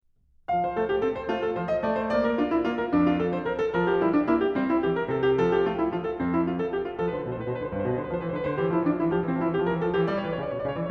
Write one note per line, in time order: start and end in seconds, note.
0.52 0.79 F3
0.52 0.66 F5
0.66 0.79 C5
0.79 1.03 A3
0.79 0.92 A4
0.92 1.03 G4
1.03 1.32 C4
1.03 1.16 A4
1.16 1.32 C5
1.32 1.58 A3
1.32 1.43 F4
1.43 1.58 A4
1.58 1.81 F3
1.58 1.71 C5
1.71 1.81 D#5
1.81 2.14 A3
1.81 1.97 D5
1.97 2.14 C5
2.14 2.37 A#3
2.14 2.29 D5
2.29 2.37 A#4
2.37 2.61 D4
2.37 2.50 F4
2.50 2.61 E4
2.61 2.90 A#3
2.61 2.76 F4
2.76 2.90 A#4
2.90 3.44 F2
2.90 3.08 D4
3.08 3.19 F4
3.19 3.32 A4
3.32 3.44 C5
3.44 3.60 A#4
3.60 3.75 A4
3.75 4.03 F3
3.75 3.89 A#4
3.89 4.03 G4
4.03 4.26 G3
4.03 4.12 E4
4.12 4.26 D4
4.26 4.56 A#3
4.26 4.42 E4
4.42 4.56 G4
4.56 4.83 G3
4.56 4.69 C4
4.69 4.83 E4
4.83 5.12 E3
4.83 4.96 G4
4.96 5.12 A#4
5.12 5.37 C3
5.12 5.25 A4
5.25 5.37 G4
5.37 5.65 F3
5.37 5.50 A4
5.50 5.65 G4
5.65 5.89 A3
5.65 5.77 F4
5.77 5.89 E4
5.89 6.18 F3
5.89 6.05 F4
6.05 6.18 A4
6.18 6.73 F2
6.18 6.34 C4
6.34 6.47 E4
6.47 6.58 F4
6.58 6.73 A4
6.73 6.86 G4
6.86 7.02 F4
7.02 7.14 F3
7.02 7.08 A4
7.07 7.15 B4
7.14 7.26 D3
7.14 7.20 C5
7.20 7.27 B4
7.26 7.35 B2
7.26 7.35 B4
7.26 7.29 C5
7.35 7.46 A2
7.35 7.42 C5
7.42 7.46 B4
7.46 7.59 B2
7.46 7.52 C5
7.52 7.60 B4
7.59 7.72 D3
7.59 7.65 C5
7.65 7.72 B4
7.72 7.82 G2
7.72 7.78 C5
7.77 7.84 B4
7.82 7.94 B2
7.82 7.89 C5
7.89 7.95 B4
7.94 8.09 D3
7.94 8.02 C5
8.01 8.09 B4
8.09 8.20 F3
8.09 8.16 C5
8.15 8.21 B4
8.20 8.34 E3
8.20 8.27 C5
8.27 8.35 B4
8.34 8.40 D3
8.34 8.39 A4
8.38 8.46 B4
8.46 8.53 D3
8.46 8.59 C5
8.51 8.60 E3
8.59 8.67 F3
8.59 8.74 G4
8.67 8.75 E3
8.74 8.82 F3
8.74 8.89 E4
8.81 8.89 E3
8.89 8.95 F3
8.89 8.99 D4
8.94 8.99 E3
8.99 9.04 F3
8.99 9.11 E4
9.04 9.12 E3
9.11 9.19 F3
9.11 9.24 G4
9.18 9.24 E3
9.24 9.32 F3
9.24 9.39 C4
9.31 9.40 E3
9.39 9.48 F3
9.39 9.54 E4
9.48 9.55 E3
9.54 9.61 F3
9.54 9.68 G4
9.60 9.68 E3
9.68 9.76 F3
9.68 9.82 A#4
9.75 9.83 E3
9.82 9.90 F3
9.82 9.98 A4
9.90 9.98 E3
9.98 10.05 D3
9.98 10.11 G4
10.04 10.11 E3
10.11 10.27 G3
10.11 10.22 D5
10.20 10.29 C#5
10.27 10.42 E3
10.27 10.36 B4
10.36 10.44 C#5
10.42 10.56 C#3
10.42 10.49 D5
10.48 10.56 C#5
10.56 10.63 B2
10.56 10.65 C#5
10.56 10.61 D5
10.63 10.75 C#3
10.63 10.69 D5
10.69 10.76 C#5
10.75 10.90 E3
10.75 10.83 D5
10.82 10.90 C#5